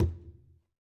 <region> pitch_keycenter=60 lokey=60 hikey=60 volume=18.990867 lovel=84 hivel=127 seq_position=2 seq_length=2 ampeg_attack=0.004000 ampeg_release=15.000000 sample=Membranophones/Struck Membranophones/Conga/Conga_HitFM_v2_rr2_Sum.wav